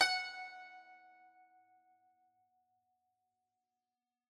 <region> pitch_keycenter=78 lokey=77 hikey=79 volume=9.024345 lovel=66 hivel=99 ampeg_attack=0.004000 ampeg_release=0.300000 sample=Chordophones/Zithers/Dan Tranh/Normal/F#4_f_1.wav